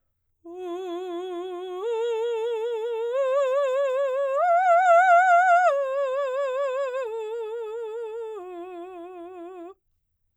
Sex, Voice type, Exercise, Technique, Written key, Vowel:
female, soprano, arpeggios, slow/legato piano, F major, u